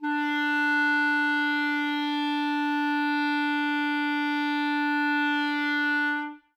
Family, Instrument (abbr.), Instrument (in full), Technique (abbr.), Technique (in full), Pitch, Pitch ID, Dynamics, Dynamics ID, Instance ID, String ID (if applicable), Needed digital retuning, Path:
Winds, ClBb, Clarinet in Bb, ord, ordinario, D4, 62, ff, 4, 0, , TRUE, Winds/Clarinet_Bb/ordinario/ClBb-ord-D4-ff-N-T19u.wav